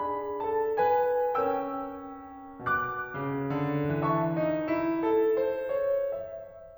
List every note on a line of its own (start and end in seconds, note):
0.01 1.40 D4
0.01 0.39 G#4
0.01 0.39 B5
0.40 0.78 A4
0.40 0.78 A5
0.78 1.40 B4
0.78 1.40 G#5
1.41 2.62 C#4
1.41 2.62 A#4
1.41 2.62 G5
1.41 2.62 E6
2.62 3.11 B2
2.62 4.03 D6
2.62 4.03 F#6
3.12 3.54 C#3
3.55 4.03 D3
4.03 4.37 E3
4.03 5.38 C#5
4.03 5.38 A5
4.03 5.38 C#6
4.37 4.71 D#4
4.72 5.04 E4
5.04 5.73 A4
5.38 5.73 C5
5.74 6.11 C#5
6.12 6.60 E5